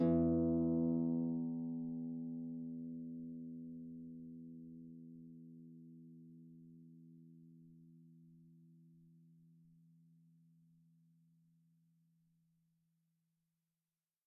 <region> pitch_keycenter=40 lokey=40 hikey=41 tune=-8 volume=12.926927 xfout_lovel=70 xfout_hivel=100 ampeg_attack=0.004000 ampeg_release=30.000000 sample=Chordophones/Composite Chordophones/Folk Harp/Harp_Normal_E1_v2_RR1.wav